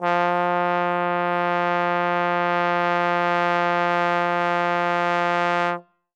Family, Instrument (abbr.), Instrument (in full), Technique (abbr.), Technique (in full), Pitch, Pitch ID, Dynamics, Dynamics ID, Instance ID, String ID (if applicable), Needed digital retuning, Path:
Brass, Tbn, Trombone, ord, ordinario, F3, 53, ff, 4, 0, , FALSE, Brass/Trombone/ordinario/Tbn-ord-F3-ff-N-N.wav